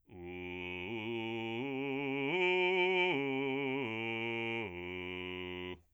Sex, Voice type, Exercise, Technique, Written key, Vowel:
male, bass, arpeggios, slow/legato forte, F major, u